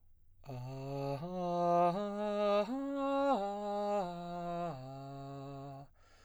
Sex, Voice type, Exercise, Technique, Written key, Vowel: male, baritone, arpeggios, slow/legato piano, C major, a